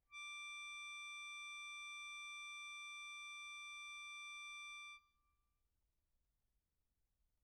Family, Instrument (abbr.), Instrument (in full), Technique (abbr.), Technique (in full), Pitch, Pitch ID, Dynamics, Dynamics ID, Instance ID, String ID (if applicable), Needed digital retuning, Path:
Keyboards, Acc, Accordion, ord, ordinario, D6, 86, pp, 0, 1, , FALSE, Keyboards/Accordion/ordinario/Acc-ord-D6-pp-alt1-N.wav